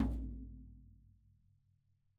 <region> pitch_keycenter=63 lokey=63 hikey=63 volume=15.324120 lovel=66 hivel=99 seq_position=1 seq_length=2 ampeg_attack=0.004000 ampeg_release=30.000000 sample=Membranophones/Struck Membranophones/Snare Drum, Rope Tension/Low/RopeSnare_low_ns_Main_vl2_rr1.wav